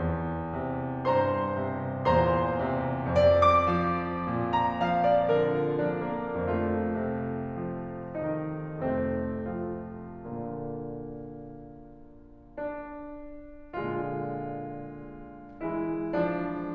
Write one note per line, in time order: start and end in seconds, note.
0.00 2.04 E2
0.56 1.04 C3
1.07 1.59 G2
1.07 2.04 C5
1.07 2.04 A#5
1.07 2.04 C6
1.60 2.04 C3
2.16 3.15 E2
2.16 2.68 A#2
2.16 3.15 C5
2.16 3.15 A#5
2.16 3.15 C6
2.69 3.15 C3
3.17 6.35 F2
3.17 3.38 D5
3.61 4.48 D6
3.84 4.25 F3
4.27 4.75 A#2
4.50 4.75 A#5
4.81 5.31 F3
4.81 5.06 F5
5.07 5.31 D5
5.35 5.84 D3
5.35 5.56 A#4
5.58 5.84 F4
5.86 6.35 F3
5.86 6.08 D4
6.10 6.35 A#3
6.36 8.73 F2
6.36 8.73 A3
6.36 8.15 F4
7.00 7.60 C3
7.62 8.15 F3
8.17 8.73 D#3
8.17 8.73 D#4
8.74 10.19 F2
8.74 9.57 C3
8.74 10.19 A3
8.74 9.57 C4
9.60 10.19 F3
9.60 10.19 F4
10.22 12.55 A#2
10.22 12.55 D3
10.22 12.55 A#3
12.57 13.72 D4
13.75 16.73 A#2
13.75 15.60 D3
13.75 15.60 G#3
13.75 15.60 F4
15.62 16.09 E3
15.62 16.73 G#3
15.62 16.09 E4
16.10 16.73 F3
16.10 16.73 D4